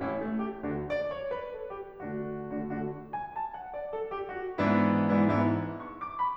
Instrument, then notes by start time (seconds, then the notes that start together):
piano
0.01 A1 A2 C#4 E4
0.20 A3
0.41 G4
0.66 D2 D3 D4 F#4
0.82 D5
1.00 C#5
1.27 B4
1.52 A4
1.70 G4
1.93 D3 A3 D4 F#4
2.35 D3 A3 D4 F#4
2.46 D3 A3 D4 F#4
3.13 G#5
3.31 A5
3.55 F#5
3.72 D5
3.92 A4
4.13 G4
4.36 F#4
4.59 G#2 E3 B3 D4 E4
5.07 G#2 E3 B3 D4 E4
5.21 G#2 E3 B3 D4 E4
5.71 C#6
5.89 D6
6.15 B5